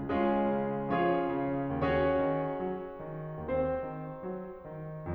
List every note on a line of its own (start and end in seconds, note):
0.00 0.35 C#2
0.00 0.95 G#3
0.00 0.95 C#4
0.00 0.95 F4
0.00 0.95 G#4
0.36 0.95 C#3
0.96 1.46 F3
0.96 1.90 C#4
0.96 1.90 F4
0.96 1.90 G#4
0.96 1.90 C#5
1.47 1.90 C#3
1.92 2.26 D#2
1.92 3.36 C#4
1.92 5.13 F#4
1.92 5.13 G#4
1.92 3.36 C#5
2.28 2.65 D#3
2.66 3.01 F#3
3.02 3.36 D#3
3.41 3.78 D#2
3.41 5.13 C4
3.41 5.13 C5
3.80 4.21 D#3
4.23 4.60 F#3
4.61 5.13 D#3